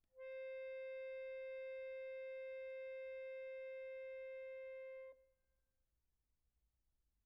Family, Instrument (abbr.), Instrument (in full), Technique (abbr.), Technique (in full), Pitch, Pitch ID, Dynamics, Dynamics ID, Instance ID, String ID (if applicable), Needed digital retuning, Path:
Keyboards, Acc, Accordion, ord, ordinario, C5, 72, pp, 0, 2, , FALSE, Keyboards/Accordion/ordinario/Acc-ord-C5-pp-alt2-N.wav